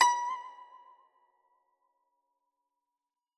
<region> pitch_keycenter=83 lokey=82 hikey=84 volume=2.122931 lovel=84 hivel=127 ampeg_attack=0.004000 ampeg_release=0.300000 sample=Chordophones/Zithers/Dan Tranh/Vibrato/B4_vib_ff_1.wav